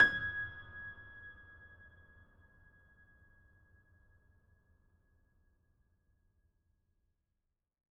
<region> pitch_keycenter=92 lokey=92 hikey=93 volume=-0.193002 lovel=100 hivel=127 locc64=65 hicc64=127 ampeg_attack=0.004000 ampeg_release=0.400000 sample=Chordophones/Zithers/Grand Piano, Steinway B/Sus/Piano_Sus_Close_G#6_vl4_rr1.wav